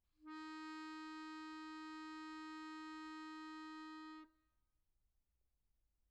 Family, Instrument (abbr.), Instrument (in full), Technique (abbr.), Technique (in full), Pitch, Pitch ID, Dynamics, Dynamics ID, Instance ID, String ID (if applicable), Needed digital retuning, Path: Keyboards, Acc, Accordion, ord, ordinario, D#4, 63, pp, 0, 1, , FALSE, Keyboards/Accordion/ordinario/Acc-ord-D#4-pp-alt1-N.wav